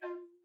<region> pitch_keycenter=65 lokey=65 hikey=66 volume=19.761887 offset=162 ampeg_attack=0.004000 ampeg_release=10.000000 sample=Aerophones/Edge-blown Aerophones/Baroque Bass Recorder/Staccato/BassRecorder_Stac_F3_rr1_Main.wav